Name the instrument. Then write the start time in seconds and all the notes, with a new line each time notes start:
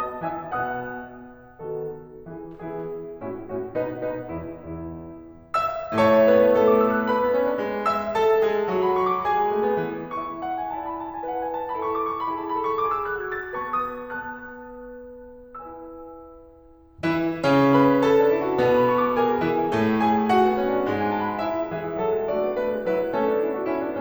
piano
0.00 B3 F#4 D#5 A5 D#6
0.26 E3 F#4 E5 G#5 E6
0.52 B2 B3 F#5 D#6 F#6
1.60 D#3 B3 F#4 A4
2.28 E3 B3 E4 G#4
2.53 E3 B3 E4 G#4
3.26 A2 C#4 E4 F#4
3.52 A2 C#4 E4 F#4
3.75 B2 D#4 B4
4.08 B2 D#4 B4
4.31 E2 E4
4.53 E2 E4
5.56 E5 E6
5.98 A2 A3 C#5 E5 A5 C#6
6.34 B3 B4
6.61 A3 A4
6.77 D6
6.91 E6
7.01 F#6
7.13 B4 B5
7.28 B3
7.41 C#4
7.51 D4
7.62 G#3
7.88 E5 E6
8.15 A4 A5
8.41 G#3 G#4
8.72 F#3 F#4
8.87 B5
9.00 C#6
9.13 D6
9.26 G#4 G#5
9.46 G#3
9.61 A3
9.76 B3
9.90 E3
10.16 E4 E5 C#6
10.43 F#5
10.61 G#5
10.77 E4 D5 A5
10.87 B5
11.02 A5
11.16 G#5
11.28 E4 B4 F#5
11.40 G#5
11.54 A5
11.73 B5
11.81 E4 A4 C#6
11.91 D6
12.07 C#6
12.20 B5
12.29 E4 G#4 A5
12.41 B5
12.57 A4 C#6
12.74 D6
12.88 G#4 E6
13.08 F#6
13.28 F#4 G#6
13.40 A6
13.55 B3 B4 A5 C#6
13.80 D#6
13.97 B3 B4 A5 F#6
15.60 E4 B4 G#5 E6
17.08 E3 E4
17.41 C#3 C#4
17.71 B4 B5
18.00 A4 A5
18.16 D4
18.33 E4
18.48 F#4
18.59 B2 B3
18.81 B5
18.92 C#6
19.06 D6
19.18 G#4 G#5
19.44 E3 E4
19.74 A2 A3
20.03 G#4 G#5
20.36 F#4 F#5
20.50 B3
20.58 C#4
20.77 D4
20.90 G#2 G#3
21.01 G#5
21.11 A5
21.22 B5
21.40 E4 E5
21.73 E3 G#4 E5
22.06 F#3
22.19 G#3
22.33 A3 D4 F#4 D5
22.47 B3
22.57 A3 B4
22.79 G#3
22.91 F#3 D4 E4 B4
23.07 G#3
23.20 A3 C#4 A4
23.31 B3 D4
23.42 C#4 E4 A4
23.53 D4 F#4
23.65 C#4 E4
23.86 B3 D4